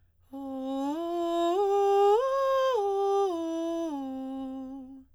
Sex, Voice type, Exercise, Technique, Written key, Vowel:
female, soprano, arpeggios, breathy, , o